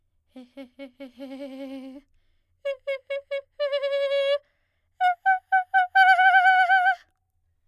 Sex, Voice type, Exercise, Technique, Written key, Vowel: female, soprano, long tones, trillo (goat tone), , e